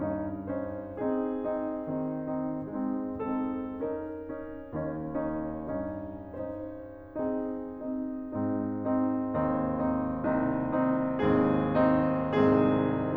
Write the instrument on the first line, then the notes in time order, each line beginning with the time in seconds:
piano
0.00 G2 C#4 D#4
0.51 C#4 D#4 C5
0.96 C4 D#4 G#4
1.50 C4 D#4
1.81 D#3 C4 D#4
2.32 C4 D#4
2.73 G#3 C4 D#4
3.10 C4 D#4 A4
3.76 C#4 D#4 A#4
4.17 C#4 D#4
4.71 D#2 C#4 D#4
5.17 C#4 D#4
5.72 G2 C#4 D#4
6.34 C#4 D#4 C5
7.16 C4 D#4 G#4
7.83 C4 D#4
8.34 G#2 C4 D#4
8.86 C4 D#4
9.36 D#2 C4 D#4
9.73 C4 D#4
10.19 C2 C4 D#4
10.58 C4 D#4
11.20 D#2 G#2 C4 D#4 G#4
11.69 C4 D#4
12.05 C2 G#2 C4 D#4 G#4
12.63 C4 D#4